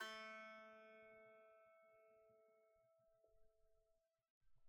<region> pitch_keycenter=57 lokey=57 hikey=58 volume=23.724060 lovel=0 hivel=65 ampeg_attack=0.004000 ampeg_release=15.000000 sample=Chordophones/Composite Chordophones/Strumstick/Finger/Strumstick_Finger_Str2_Main_A2_vl1_rr1.wav